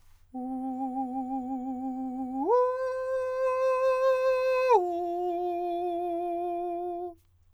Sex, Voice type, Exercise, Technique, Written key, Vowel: male, countertenor, long tones, full voice forte, , u